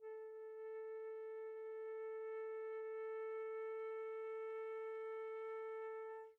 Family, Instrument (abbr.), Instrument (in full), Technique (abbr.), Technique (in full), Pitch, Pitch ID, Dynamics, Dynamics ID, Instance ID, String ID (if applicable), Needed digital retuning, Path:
Winds, Fl, Flute, ord, ordinario, A4, 69, pp, 0, 0, , TRUE, Winds/Flute/ordinario/Fl-ord-A4-pp-N-T18u.wav